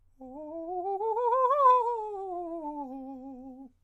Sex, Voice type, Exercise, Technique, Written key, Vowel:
male, countertenor, scales, fast/articulated piano, C major, o